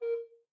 <region> pitch_keycenter=70 lokey=70 hikey=71 tune=4 volume=7.207331 offset=301 ampeg_attack=0.004000 ampeg_release=10.000000 sample=Aerophones/Edge-blown Aerophones/Baroque Tenor Recorder/Staccato/TenRecorder_Stac_A#3_rr1_Main.wav